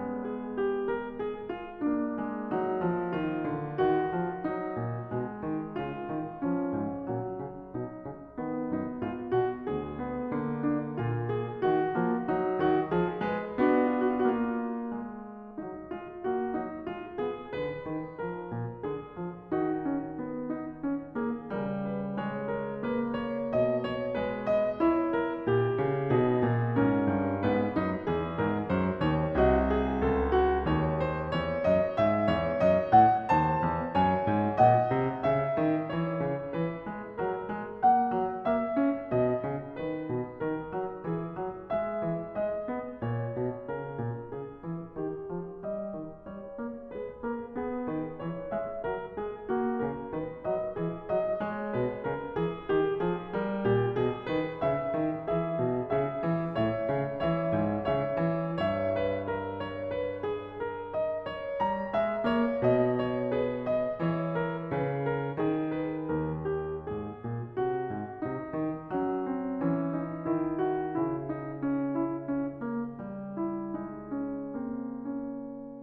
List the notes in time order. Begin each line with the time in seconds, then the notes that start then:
0.00 G#3
0.31 G#4
0.58 G4
0.86 A#4
1.21 G#4
1.49 F4
1.80 A#3 D4
2.22 G#3
2.52 F#3 D#4
2.87 F3
3.12 D#3 F4
3.45 D3
3.75 D#3 F#4
4.17 F3
4.44 F#3 D#4
4.74 A#2
5.11 B2 G#3
5.43 D#3
5.74 C#3 F4
6.04 D#3
6.36 F3 C#4
6.73 G#2
7.02 A#2 F#3
7.31 C#3
7.64 B2 D#4
8.01 C#3
8.41 D#3 B3
8.74 F#2 D#4
8.97 G#2 F4
9.26 B2 F#4
9.71 D2 G#4
10.05 B3
10.29 D3 A#3
10.59 D4
10.91 A#2 F4
11.27 G#4
11.59 D#3 F#4
11.94 F3 A#3
12.24 F#3 D#4
12.56 D#3 F#4
12.92 F3 G#4
13.22 G#3 B4
13.61 B3 D4 F#4
13.73 F4
13.98 F#4
14.14 F4
14.22 F#4
14.30 F4
14.35 A#3
14.40 F#4
14.49 F4
14.95 G#3
15.59 F#3 D#4
16.00 G#3 F4
16.29 A#3 F#4
16.60 F#3 D#4
17.00 G#3 F4
17.23 B3 G#4
17.57 D3 B4
17.84 D#3
18.17 F3 A#4
18.56 A#2
18.82 D3 G#4
19.18 F3
19.54 D#3 D#4 F#4
19.88 C#4
20.26 B3
20.53 D#4
20.79 C#4
21.15 A#3 G#4
21.51 C#3 G3 A#4
21.86 B4
22.19 G#3 C#5
22.47 A#4
22.85 A#3 B4
23.23 C#5
23.53 B2 D#5
23.86 C#5
24.20 G#3 B4
24.51 D#5
24.86 E4 C#5
25.14 A#4
25.46 A#2 G4
25.75 C#3
26.16 B2 D#4 G#4
26.44 A#2
26.77 G#2 C#4 A#4
27.07 G2
27.46 G#2 B3 B4
27.77 F#2 D#4
28.07 E2 G#4
28.40 G#2 A#4
28.63 F#2 C5
28.99 D#2 C#5
29.37 C2 F#4 D#5
29.70 G#4
30.14 C#2 A4
30.35 F#4
30.66 D#2 C#5
31.11 C5
31.38 E2
31.66 F#2 D#5
32.00 G#2 E5
32.29 E2 C#5
32.61 F#2 D#5
32.91 A2 F#5
33.30 D#2 C5 A5
33.59 E2
33.95 F#2 C#5 G#5
34.27 G#2
34.61 A#2 D#5 F#5
34.98 C3
35.24 C#3 E5
35.56 D#3
35.87 E3 C#5
36.17 C#3
36.56 E3 B4
36.82 G#3
37.16 F#3 A#4
37.48 G#3
37.79 A#3 F#5
38.15 F#3
38.45 A#3 E5
38.75 C#4
39.09 B2 D#5
39.47 C#3
39.79 D#3 B4
40.10 B2
40.41 D#3 A#4
40.79 F#3
41.06 E3 G#4
41.33 F#3
41.67 G#3 E5
42.03 E3
42.27 G#3 D#5
42.70 B3
43.01 A#2 C#5
43.35 B2
43.65 C#3 A#4
44.03 A#2
44.32 C#3 G#4
44.64 E3
44.98 D#3 G4
45.27 F3
45.57 G3 D#5
45.92 D#3
46.13 G3 C#5
46.50 A#3
46.94 G#3 G#4 B4
47.22 A#3 A#4
47.59 B3 G#4
47.86 D#3 B4
48.19 E3 C#5
48.56 G#3 E5
48.83 F#3 A#4
49.18 G#3 G#4
49.49 A#3 F#4
49.82 C#3 A#4
50.10 D#3 B4
50.45 F#3 D#5
50.72 E3 G#4
51.11 F#3 D#5
51.39 G#3 C#5
51.73 B2 B4
52.04 C#3 A#4
52.36 E3 G#4
52.65 D#3 G4
53.01 F3 G#4
53.35 G3 A#4
53.64 A#2 G4
53.96 B2 G#4
54.28 D#3 B4
54.65 C#3 E5
54.93 D#3
55.19 E3 G#4 E5
55.57 B2
55.91 C#3 G#4 E5
56.26 E3
56.52 A2 C#5 E5
56.91 C#3
57.23 E3
57.27 C#5 E5
57.53 G#2
57.84 C#3
57.93 C#5 E5
58.15 E3
58.48 G2
58.63 C#5 E5
58.99 B4
59.29 A#4
59.64 C#5
59.95 B4
60.21 G#4
60.55 A#4
60.99 D#5
61.28 C#5
61.57 G3
61.64 A#5
61.89 G#3
61.96 E5
62.23 A#3
62.30 C#5
62.57 B2
62.74 D#5
63.04 C#5
63.38 G#4 B4
63.74 D#5
63.99 E3
64.10 C#5
64.37 A#4
64.66 C#3
64.81 B4
65.07 A#4
65.33 D#3
65.42 G#4
65.74 B4
66.11 D#2
66.20 A#4
66.51 G4
66.87 G#2
66.93 G#4
67.18 A#2
67.58 C3
67.67 F#4
67.94 G#2
68.15 C3
68.22 D#4
68.52 D#3
68.88 F#3
68.96 C#4
69.28 C4
69.58 E3
69.65 C#4
70.03 D#4
70.22 D#3
70.36 E4
70.70 F#4
70.90 C#3
70.98 E4
71.35 D#4
71.69 C#4
71.98 E4
72.30 D#4
72.62 A#3
72.92 G3
73.41 E4
73.75 G#3
73.82 D#4
74.16 C#4
74.52 A#3
74.66 C4
75.09 C#4